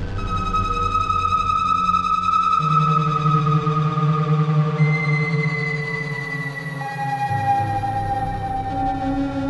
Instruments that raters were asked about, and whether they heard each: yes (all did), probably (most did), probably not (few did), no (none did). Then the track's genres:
flute: no
Noise; Experimental; Ambient Electronic